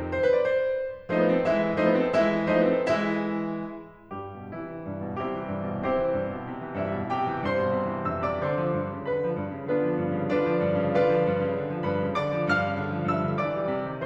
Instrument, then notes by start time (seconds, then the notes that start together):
piano
0.17 C5
0.28 B4
0.36 D5
0.44 C5
1.09 F3 A3 D#4 C5
1.23 B3 B4
1.32 C4 A4
1.47 E3 G#3 E4 E5
1.76 F3 A3 D#4 C5
1.87 B3 B4
1.96 C4 A4
2.11 E3 G#3 E4 E5
2.47 F3 A3 D#4 C5
2.57 B3 B4
2.75 C4 A4
2.89 E3 G#3 E4 E5
4.13 G2 G3 G4
4.41 B2
4.56 C3 E3 E4
4.70 E3
4.85 G2
4.98 B2
5.17 C3 G3 C4 E4 G4
5.32 E3
5.47 G2
5.62 B2
5.82 C3 C4 E4 G4 C5
5.97 E3
6.16 G2
6.34 B2
6.47 C3
6.64 E3
6.79 G2 E4 E5
6.94 B2
7.13 C3 G4 G5
7.29 E3
7.47 G2 C5 C6
7.66 B2
7.83 C3
8.00 E3
8.16 G2 E5 E6
8.27 C3 D5 D6
8.43 D3 C5 C6
8.61 F3
8.77 G2
8.97 C#3
9.10 D3 B4 B5
9.25 F3
9.38 G2
9.56 C#3
9.68 D3 B3 D4 F4 B4
9.83 F3
10.01 G2
10.17 C#3
10.31 D3 D4 F4 B4 D5
10.46 F3
10.66 G2
10.82 C#3
10.95 D3 F4 B4 D5 F5
11.13 F3
11.28 G2
11.45 C#3
11.59 D3
11.73 F3
11.87 G2 B4 B5
12.03 C#3
12.18 D3 D5 D6
12.36 F3
12.53 G2 F5 F6
12.68 C#3
12.83 D3
12.97 F3
13.11 G2 E5 E6
13.27 D3
13.44 E3 D5 D6
13.57 G3
13.72 C3
13.89 D#3